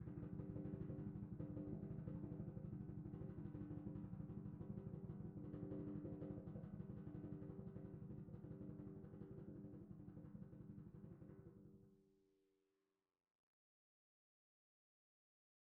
<region> pitch_keycenter=54 lokey=54 hikey=55 volume=37.562368 lovel=0 hivel=83 ampeg_attack=0.004000 ampeg_release=1.000000 sample=Membranophones/Struck Membranophones/Timpani 1/Roll/Timpani5_Roll_v2_rr1_Sum.wav